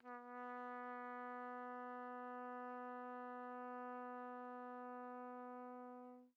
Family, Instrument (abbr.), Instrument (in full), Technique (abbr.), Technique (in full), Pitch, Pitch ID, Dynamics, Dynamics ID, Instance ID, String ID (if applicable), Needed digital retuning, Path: Brass, TpC, Trumpet in C, ord, ordinario, B3, 59, pp, 0, 0, , FALSE, Brass/Trumpet_C/ordinario/TpC-ord-B3-pp-N-N.wav